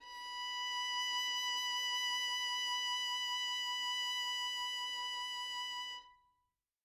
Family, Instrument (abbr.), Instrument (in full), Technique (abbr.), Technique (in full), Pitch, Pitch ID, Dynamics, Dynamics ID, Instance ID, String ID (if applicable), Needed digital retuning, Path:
Strings, Vn, Violin, ord, ordinario, B5, 83, mf, 2, 0, 1, FALSE, Strings/Violin/ordinario/Vn-ord-B5-mf-1c-N.wav